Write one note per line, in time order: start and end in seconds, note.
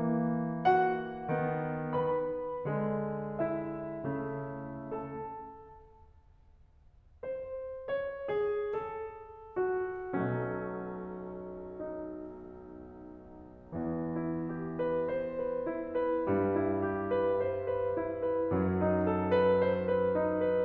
0.00 1.28 E3
0.00 1.28 A#3
0.63 1.95 F#4
0.63 1.95 F#5
1.30 1.95 D#3
1.30 1.95 B3
1.97 2.66 B4
1.97 2.66 B5
2.76 4.05 D3
2.76 4.05 G#3
3.42 4.93 E4
3.42 4.93 E5
4.10 4.93 C#3
4.10 4.93 A3
4.99 5.53 A4
4.99 5.53 A5
7.23 7.86 C5
7.88 8.25 C#5
8.29 8.70 G#4
8.73 9.60 A4
9.61 10.11 F#4
10.17 13.68 B1
10.17 13.68 B2
10.17 13.68 F#3
10.17 13.68 A3
10.17 11.75 C#4
11.77 13.68 D#4
13.70 16.25 E2
13.70 16.25 E3
14.14 14.80 E4
14.52 14.99 G4
14.81 15.34 B4
15.00 15.64 C5
15.36 15.89 B4
15.66 16.25 E4
15.92 16.52 B4
16.27 18.51 G2
16.27 18.51 G3
16.53 17.16 E4
16.89 17.48 G4
17.17 17.74 B4
17.51 18.02 C5
17.80 18.24 B4
18.07 18.51 E4
18.25 18.78 B4
18.52 20.64 F#2
18.52 20.64 F#3
18.84 19.32 D#4
19.05 19.54 A4
19.34 19.78 B4
19.56 20.14 C5
19.80 20.34 B4
20.17 20.64 D#4
20.35 20.65 B4